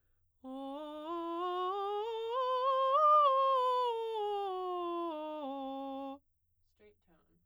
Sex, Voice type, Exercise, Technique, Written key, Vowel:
female, soprano, scales, straight tone, , o